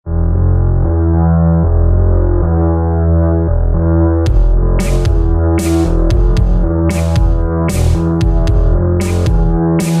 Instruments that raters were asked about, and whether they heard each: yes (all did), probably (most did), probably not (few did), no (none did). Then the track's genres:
synthesizer: yes
Electronic; Noise-Rock; Industrial